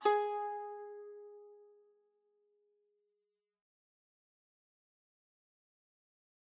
<region> pitch_keycenter=68 lokey=68 hikey=69 volume=7.417834 offset=305 lovel=66 hivel=99 ampeg_attack=0.004000 ampeg_release=0.300000 sample=Chordophones/Zithers/Dan Tranh/Normal/G#3_f_1.wav